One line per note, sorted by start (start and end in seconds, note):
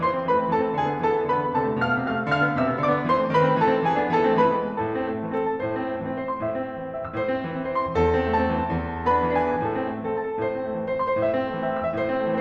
0.00 0.28 E3
0.00 0.28 C5
0.00 0.28 C6
0.16 0.44 C4
0.29 0.60 A3
0.29 0.60 B4
0.29 0.60 B5
0.44 0.73 C4
0.62 0.81 E3
0.62 0.81 A4
0.62 0.81 A5
0.73 0.92 C4
0.82 1.02 D3
0.82 1.02 G#4
0.82 1.02 G#5
0.92 1.18 B3
1.02 1.30 E3
1.02 1.30 A4
1.02 1.30 A5
1.20 1.43 B3
1.30 1.57 D3
1.30 1.57 B4
1.30 1.57 B5
1.44 1.71 B3
1.57 1.81 C3
1.57 1.81 A4
1.57 1.81 A5
1.71 1.95 A3
1.82 2.11 B2
1.82 2.11 F5
1.82 2.11 F6
1.96 2.21 A3
2.12 2.26 C3
2.12 2.26 F5
2.12 2.26 F6
2.21 2.43 A3
2.28 2.54 D3
2.28 2.54 F5
2.28 2.54 F6
2.44 2.67 A3
2.44 2.67 B3
2.55 2.81 C3
2.55 2.81 E5
2.55 2.81 E6
2.68 2.93 A3
2.68 2.93 B3
2.81 3.08 D3
2.81 3.08 D5
2.81 3.08 D6
2.94 3.24 A3
2.94 3.24 B3
3.08 3.36 E3
3.08 3.36 C5
3.08 3.36 C6
3.25 3.49 A3
3.25 3.49 C4
3.36 3.67 D#3
3.36 3.67 B4
3.36 3.67 B5
3.49 3.78 A3
3.49 3.78 C4
3.68 3.83 E3
3.68 3.83 A4
3.68 3.83 A5
3.78 3.98 A3
3.78 3.98 C4
3.84 4.13 E3
3.84 4.13 G#4
3.84 4.13 G#5
3.99 4.30 B3
3.99 4.30 D4
4.13 4.46 E3
4.13 4.46 A4
4.13 4.46 A5
4.31 4.62 A3
4.31 4.62 C4
4.46 4.77 E3
4.46 4.77 B4
4.46 4.77 B5
4.63 4.92 G#3
4.63 4.92 B3
4.78 5.05 A2
4.78 5.05 A4
4.78 5.05 A5
4.92 5.19 C4
5.05 5.35 A3
5.19 5.49 C4
5.36 5.69 E3
5.36 5.69 A4
5.50 5.79 C4
5.50 5.79 A5
5.69 5.93 A2
5.69 5.93 C5
5.80 6.10 C4
5.93 6.22 A3
6.11 6.34 C4
6.22 6.44 E3
6.22 6.44 C5
6.34 6.55 C4
6.34 6.55 C6
6.46 6.70 A2
6.46 6.70 E5
6.55 6.85 C4
6.71 6.90 A3
6.86 7.16 E3
6.86 7.02 C4
6.86 7.16 E5
7.04 7.28 C4
7.04 7.28 E6
7.16 7.43 A2
7.16 7.43 C5
7.28 7.59 C4
7.44 7.67 A3
7.59 7.79 C4
7.67 7.93 E3
7.67 7.93 C5
7.79 8.07 C4
7.79 8.07 C6
7.94 8.16 A2
7.94 9.02 A4
8.07 8.30 C4
8.16 8.45 A3
8.16 9.02 A5
8.31 8.59 C4
8.45 8.73 E3
8.60 8.88 C4
8.74 9.02 E2
8.88 9.20 D4
9.03 9.35 B3
9.03 9.35 B4
9.03 9.35 B5
9.20 9.49 D4
9.36 9.64 E3
9.36 9.64 G#4
9.36 9.64 G#5
9.50 9.74 D4
9.64 9.89 A2
9.64 9.89 A4
9.64 9.89 A5
9.75 10.03 C4
9.89 10.17 A3
10.04 10.30 C4
10.04 10.30 A4
10.18 10.44 E3
10.18 10.44 A5
10.30 10.57 C4
10.30 10.57 A4
10.45 10.70 A2
10.45 10.70 C5
10.57 10.87 C4
10.72 10.99 A3
10.87 11.09 C4
10.87 11.09 C5
10.99 11.20 E3
10.99 11.20 C6
11.10 11.30 C4
11.10 11.30 C5
11.20 11.42 A2
11.20 11.42 E5
11.31 11.55 C4
11.44 11.69 A3
11.55 11.82 C4
11.55 11.82 E5
11.70 11.97 E3
11.70 11.97 E6
11.82 12.10 C4
11.82 12.10 E5
11.98 12.26 A2
11.98 12.26 C5
12.11 12.40 C4
12.26 12.41 A3